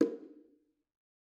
<region> pitch_keycenter=61 lokey=61 hikey=61 volume=10.966565 offset=239 lovel=100 hivel=127 seq_position=1 seq_length=2 ampeg_attack=0.004000 ampeg_release=15.000000 sample=Membranophones/Struck Membranophones/Bongos/BongoH_HitMuted1_v3_rr1_Mid.wav